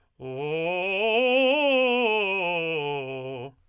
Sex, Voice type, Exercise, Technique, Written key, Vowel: male, tenor, scales, fast/articulated forte, C major, o